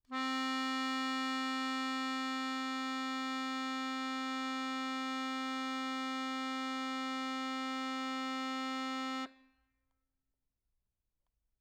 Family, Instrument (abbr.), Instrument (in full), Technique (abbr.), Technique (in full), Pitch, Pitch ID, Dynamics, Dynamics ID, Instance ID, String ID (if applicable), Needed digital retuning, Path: Keyboards, Acc, Accordion, ord, ordinario, C4, 60, mf, 2, 3, , FALSE, Keyboards/Accordion/ordinario/Acc-ord-C4-mf-alt3-N.wav